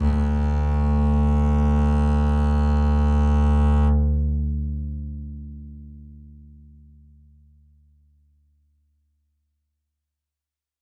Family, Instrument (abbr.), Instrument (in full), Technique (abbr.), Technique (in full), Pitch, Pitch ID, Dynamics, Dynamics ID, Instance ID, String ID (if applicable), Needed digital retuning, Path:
Strings, Cb, Contrabass, ord, ordinario, D2, 38, ff, 4, 1, 2, FALSE, Strings/Contrabass/ordinario/Cb-ord-D2-ff-2c-N.wav